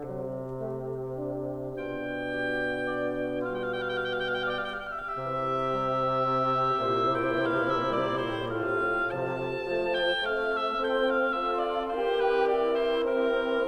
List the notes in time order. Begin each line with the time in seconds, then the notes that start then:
0.00 C3 F#3
0.52 A3
1.14 D4
1.78 B2 D4 F4 G5
2.23 G4
2.93 D5
3.37 G3 F4 F5
3.47 G5
3.56 F5
3.67 G5
3.77 G4 F5
3.87 G5
3.97 F5
4.44 G5
4.54 D5 F5
4.70 G5
4.81 E5
5.17 F5
5.26 C3 E3 G4 E5
5.84 G3
6.36 C4
6.79 A#2 C3 E4 G4 C5 E5
6.95 C3
7.07 A#2 G5
7.22 C3
7.31 A#2 E3 F5
7.43 C3
7.58 A#2 E5
7.81 C3
7.93 A#2 G3 D5
8.03 C3
8.16 A2 C5
8.27 A#2
8.36 A2 C3 F4 A4 C5 F5
8.93 C3 F3 A5
9.46 F3 A3
9.87 G5
10.29 A3 C4 F5
10.83 E5
11.18 C4 F4 A4 G5
11.46 F5
11.67 C4 F4 A4 E5
11.90 D5
12.14 E3 C4 G4 A#4 C5
12.40 B4
12.62 E4 D5
12.89 C5
13.12 C4 G4 A#4